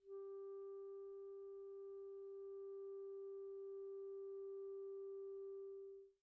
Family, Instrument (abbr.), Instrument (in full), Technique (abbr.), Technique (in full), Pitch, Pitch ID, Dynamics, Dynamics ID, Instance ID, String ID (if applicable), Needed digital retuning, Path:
Winds, ClBb, Clarinet in Bb, ord, ordinario, G4, 67, pp, 0, 0, , FALSE, Winds/Clarinet_Bb/ordinario/ClBb-ord-G4-pp-N-N.wav